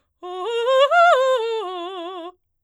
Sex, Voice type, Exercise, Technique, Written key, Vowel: female, soprano, arpeggios, fast/articulated forte, F major, o